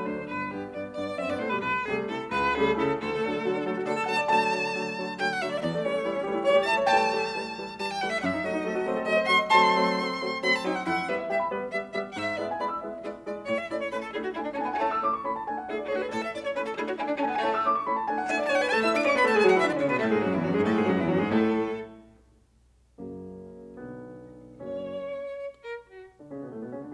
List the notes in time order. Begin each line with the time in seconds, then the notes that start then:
0.00 D2 D4 C5
0.30 G1 B4
0.50 G2 B3 G4
0.74 G2 B3 D5
0.96 G2 B3 D5
1.18 F#2 C4 E5
1.30 G2 B3 D5
1.40 A2 A3 C5
1.51 B2 G3 B4
1.61 C2 B4
1.85 C3 G3 A3 G#4
2.07 C3 E4 A4
2.31 C2 B4
2.53 C3 G3 A3 G#4
2.75 C3 E4 A4
2.96 D2 A4
3.08 A3
3.18 D3 F#3 D4
3.29 A3
3.42 D3 F#3 F#4
3.52 D4
3.62 D3 F#3 A3 A4
3.74 F#4
3.84 D3 F#3 A3 A4 D5
3.97 A4
4.06 D3 F#3 A3 F#5 A5
4.17 D5
4.27 D3 F#3 A3 A5
4.47 D3 F#3 A3
4.66 D3 F#3 A3
4.84 D3 F#3 A3
5.05 D3 F#3 A3 G5
5.14 F#5
5.25 D3 F#3 A3 E5
5.42 D5
5.55 E5
5.62 E2 D5
5.75 A3
5.84 E3 G3 A3 C#4 C#5
5.94 A3
6.04 E3 G3 A3 E4
6.14 C#4
6.25 E3 G3 A3 G4
6.34 E4
6.44 E3 G3 A3 C#5
6.56 G4
6.69 E3 G3 A3 E5 A5
6.79 C#5
6.92 E3 G3 A3 G5 A5
7.15 E3 G3 A3
7.36 E3 G3 A3
7.58 E3 G3 A3
7.84 E3 G3 A3 A5
7.94 G5
8.05 E3 G3 A3 F#5
8.14 E5
8.19 F#5
8.24 F#2 E5
8.35 D4
8.45 F#3 A3 C4 F#4 D5
8.57 D4
8.67 F#3 A3 C4 A4
8.78 F#4
8.86 F#3 A3 C4 C5
8.96 A4
9.07 F#3 A3 C4 D5
9.16 C5
9.28 F#3 A3 C4 F#5 C6
9.40 D5
9.50 F#3 A3 C4 A5 C6
9.80 F#3 A3 C4
10.04 F#3 A3 C4
10.29 F#3 A3 C4
10.46 F#3 A3 C4 B5
10.57 A5
10.67 F#3 A3 C4 D4 G5
10.77 F#5
10.82 G5
10.87 G2 E4 F#5
11.09 G3 B3 B4 E5
11.20 E5
11.34 G3 B3 E5 G5
11.46 B5
11.55 G3 B3 B4
11.77 G3 B3 E5
11.95 G3 B3 E5
12.10 F#5
12.14 G#2 E5
12.38 G#3 B3 E4 D5 E5
12.47 G#5
12.56 G#3 B3 E4 D5 B5
12.69 E6
12.81 G#3 B3 E4 E5
13.06 G#3 B3 E4 D5
13.29 G#3 B3 E4 D5
13.49 A2 C#5
13.60 E5
13.72 A3 C#4 E4 D5
13.83 C#5
13.94 A3 C#4 E4 B4
14.04 A4
14.15 A3 D4 E4 G#4
14.27 F#4
14.41 A3 D4 E4 G#5
14.52 D4
14.62 A3 C#4 D4 E4 G#5
14.69 B3 A5
14.76 G#5
14.84 A3 C#4 E4 A5
14.95 E6
15.07 A3 C#4 E4 D6
15.16 C#6
15.27 A3 C#4 E4 B5
15.37 A5
15.46 A3 D4 E4 G#5
15.57 F#5
15.66 A3 D4 E4 G#4 E5
15.77 D5
15.87 A3 D4 E4 G#4 C#5
15.92 A4 B4
15.99 G#4
16.06 A2 A4
16.15 E5
16.25 A3 C#4 E4 D5
16.37 C#5
16.52 A3 C#4 E4 B4
16.63 A4
16.73 A3 D4 E4 G#4
16.82 F#4
16.94 A3 D4 E4 G#5
17.03 D4
17.14 A3 C#4 D4 E4 G#5
17.21 A5
17.25 B3 G#5
17.37 A3 C#4 E4 A5
17.50 E6
17.64 A3 C#4 E4 D6
17.75 C#6
17.88 A3 C#4 E4 B5
17.97 A5
18.09 A3 D4 E4 G#5
18.18 F#5
18.27 A3 D4 E4 E5 G#5
18.38 D5
18.47 A3 D4 E4 C#5 G#5
18.54 A5
18.59 B4 G#5
18.69 A3 A4 A5
18.82 E4 E5 E6
18.92 D4 D5 D6
19.04 C#4 C#5 C#6
19.14 B3 B4 B5
19.25 A3 A4 A5
19.34 G#3 G#4 G#5
19.45 F#3 F#4 F#5
19.56 E3 E4 E5
19.66 D3 D4 D5
19.78 C#3 C#4 C#5
19.89 B2 B3 B4
19.99 A2 A3 A4
20.13 G#2 G#3 G#4
20.24 F#2 F#3 F#4
20.34 E2 E3 E4
20.45 F#2 F#3 F#4
20.56 G#2 G#3 G#4
20.69 A2 A3 A4
20.78 G#2 G#3 G#4
20.90 F#2 F#3 F#4
21.00 E2 E3 E4
21.10 F#2 F#3 F#4
21.20 G#2 G#3 G#4
21.30 A2 A3 A4
23.03 F#2 C#3 F#3 A#3
23.92 B1 D3 F#3 B3
24.59 F#1 F#2 F#3 A#3 C#4 C#5
25.54 A#4
25.87 F#4
26.20 D3 D4
26.32 C#3 C#4
26.41 B2 B3
26.52 A2 A3
26.62 B2 B3
26.71 C#3 C#4
26.82 D3 D4